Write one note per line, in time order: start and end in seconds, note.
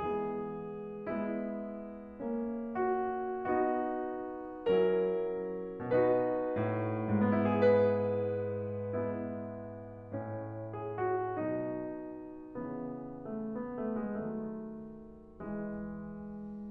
0.00 1.02 E3
0.00 1.02 G#3
0.00 1.02 B3
0.00 1.02 G#4
1.03 2.22 G#3
1.03 2.22 B3
1.03 2.75 E4
2.23 3.46 A#3
2.23 3.46 C#4
2.76 3.46 F#4
3.47 4.68 B3
3.47 4.68 D#4
3.47 4.68 F#4
4.69 5.84 F#3
4.69 5.84 C#4
4.69 5.84 E4
4.69 5.84 A#4
5.85 6.57 B2
5.85 7.24 D#4
5.85 7.24 F#4
5.85 7.24 B4
6.58 7.24 A2
7.26 7.33 B3
7.34 7.45 E4
7.48 7.55 G#4
7.57 10.10 G#2
7.57 8.74 B4
8.75 10.10 G#3
8.75 10.10 B3
8.75 10.70 E4
10.11 11.34 A2
10.11 11.34 C#4
10.72 10.98 G#4
10.99 11.34 F#4
11.35 12.55 B2
11.35 12.55 F#3
11.35 12.55 D#4
12.59 14.02 C#3
12.59 14.02 E3
13.34 13.58 A3
13.60 13.84 B3
13.85 13.93 A3
13.94 14.02 G#3
14.05 15.39 D#3
14.05 15.39 F#3
14.05 15.39 A3
15.41 16.71 E3
15.41 16.71 G#3